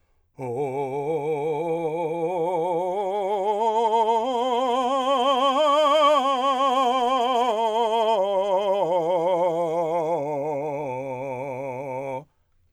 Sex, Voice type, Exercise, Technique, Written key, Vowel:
male, , scales, vibrato, , o